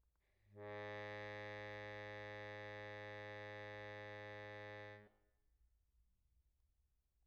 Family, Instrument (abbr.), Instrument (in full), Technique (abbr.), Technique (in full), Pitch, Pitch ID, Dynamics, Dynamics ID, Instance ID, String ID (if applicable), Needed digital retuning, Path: Keyboards, Acc, Accordion, ord, ordinario, G#2, 44, pp, 0, 0, , FALSE, Keyboards/Accordion/ordinario/Acc-ord-G#2-pp-N-N.wav